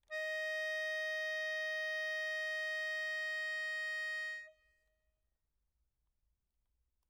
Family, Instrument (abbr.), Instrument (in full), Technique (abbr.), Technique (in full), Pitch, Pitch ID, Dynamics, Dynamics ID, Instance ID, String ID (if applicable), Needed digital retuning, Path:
Keyboards, Acc, Accordion, ord, ordinario, D#5, 75, mf, 2, 4, , FALSE, Keyboards/Accordion/ordinario/Acc-ord-D#5-mf-alt4-N.wav